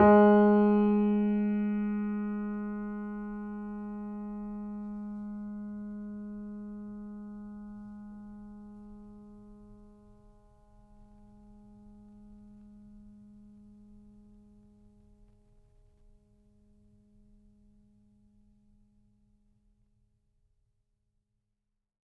<region> pitch_keycenter=56 lokey=56 hikey=57 volume=-1.606863 lovel=66 hivel=99 locc64=0 hicc64=64 ampeg_attack=0.004000 ampeg_release=0.400000 sample=Chordophones/Zithers/Grand Piano, Steinway B/NoSus/Piano_NoSus_Close_G#3_vl3_rr1.wav